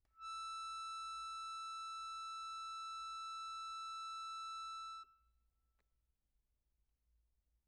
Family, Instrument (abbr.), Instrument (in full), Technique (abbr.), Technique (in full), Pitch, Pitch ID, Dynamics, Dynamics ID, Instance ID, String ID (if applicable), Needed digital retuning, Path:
Keyboards, Acc, Accordion, ord, ordinario, E6, 88, pp, 0, 1, , FALSE, Keyboards/Accordion/ordinario/Acc-ord-E6-pp-alt1-N.wav